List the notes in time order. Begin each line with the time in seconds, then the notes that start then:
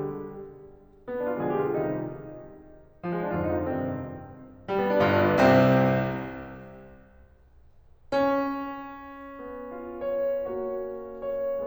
0.00 G3 G4
1.09 B3
1.21 D4
1.31 F4
1.42 A#2 D3 F3 G#3 G#4
1.57 G4
1.67 F4
1.75 C3 D#3 G3 D#4
3.03 F3
3.12 G#3
3.23 C4
3.32 F2 G#2 D3 F4
3.44 D#4
3.55 D4
3.67 G2 C3 D#3 C4
4.82 G3
4.91 B3
5.00 D4
5.10 G1 G2 F4
5.20 D4
5.31 B3
5.46 C2 C3 C4
8.13 C#4
9.40 B3
9.72 F4
10.03 C#5
10.46 A#3 F#4 C#5
11.02 C#5